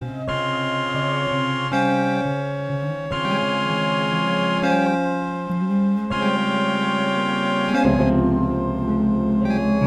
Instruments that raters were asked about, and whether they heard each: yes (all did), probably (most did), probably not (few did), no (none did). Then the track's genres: trumpet: no
voice: probably
trombone: probably not
organ: probably
Comedy; Punk; Experimental Pop